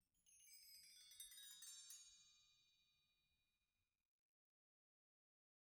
<region> pitch_keycenter=61 lokey=61 hikey=61 volume=25.000000 offset=330 ampeg_attack=0.004000 ampeg_release=15.000000 sample=Idiophones/Struck Idiophones/Bell Tree/Stroke/BellTree_Stroke_10_Mid.wav